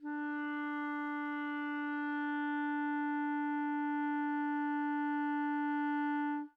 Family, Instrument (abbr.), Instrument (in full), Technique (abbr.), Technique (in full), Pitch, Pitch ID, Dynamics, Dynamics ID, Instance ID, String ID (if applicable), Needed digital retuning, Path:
Winds, ClBb, Clarinet in Bb, ord, ordinario, D4, 62, mf, 2, 0, , FALSE, Winds/Clarinet_Bb/ordinario/ClBb-ord-D4-mf-N-N.wav